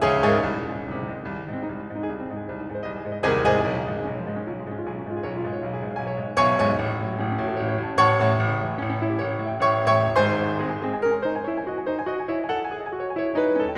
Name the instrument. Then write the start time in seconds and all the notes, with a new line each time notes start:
piano
0.00 C#2 C#3 G#4 C#5 E5 G#5
0.16 G#2 G#4 C#5 E5 G#5
0.36 C2
0.46 G#2
0.56 G#2 C3
0.65 D#3
0.74 C2 G#3
0.84 C3
0.94 G#2 D#3
1.03 G#3
1.14 C2 C4
1.24 D#3
1.35 G#2 G#3
1.44 C4
1.54 C2 D#4
1.64 G#3
1.79 G#2 C4
1.89 D#4
2.02 C2 G#4
2.17 C4
2.30 G#2 D#4
2.38 G#4
2.50 C2 C5
2.60 D#4
2.69 G#2 G#4
2.79 C5
2.88 C2 D#5
2.95 G#4
3.04 G#2 C5
3.12 D#5
3.22 C2 C3 G#4 C5 D#5 G#5
3.41 G#2 G#4 C5 D#5 G#5
3.67 B1
3.76 C#3
3.87 G#2 F3
4.02 G#3
4.11 B1 C#4
4.20 F3
4.28 G#2 G#3
4.38 C#4
4.47 B1 F4
4.56 G#3
4.64 G#2 C#4
4.75 F4
4.89 B1 G#4
5.02 C#4
5.09 G#2 F4
5.18 G#4
5.27 B1 C#5
5.36 F4
5.45 G#2 G#4
5.54 C#5
5.64 B1 F5
5.74 G#4
5.80 G#2 C#5
5.91 F5
6.00 B1 G#5
6.10 C#5
6.20 G#2 F5
6.29 G#5
6.36 B1 B2 C#5 F5 G#5 C#6
6.56 G#2 C#5 F5 G#5 C#6
6.73 A1
6.83 C#3
6.92 G#2 F#3
7.02 A3
7.13 A1 C#4
7.22 C#4
7.31 G#2 F#4
7.40 A4
7.48 A1 C#5
7.56 C#5
7.69 G#2 F#5
7.79 A5
7.95 A1 C#5 F#5 C#6
8.14 G#2 C#5 F#5 C#6
8.35 A1
8.45 C#3
8.65 A2 E3
8.77 G3
8.89 A1 C#4
8.99 C#4
9.09 A2 E4
9.23 G4
9.42 A1 C#5
9.56 C#5
9.66 A2 E5
9.76 G5
9.83 A1 C#5 G5 C#6
10.01 A2 C#5 G5 C#6
10.17 G#1 G#2 C5 G#5 C6
10.44 G#3 C4 G#4
10.65 G#5
10.74 C4 G#4
10.90 G#5
11.04 C#4 A#4
11.13 G#5
11.23 D#4 C5
11.32 G#5
11.48 E4 C#5
11.59 G#5
11.66 F#4 D#5
11.74 G#5
11.88 E4 C5
11.98 G#5
12.09 F#4 D#5
12.18 G#5
12.29 E4 C#5
12.40 G#5
12.49 A4 F#5
12.59 G#5
12.69 G#4 E5
12.79 G#5
12.93 F#4 D#5
13.03 G#5
13.14 E4 C#5
13.25 G#5
13.36 D#4 C5
13.48 G#5
13.57 C#4 A4
13.68 G5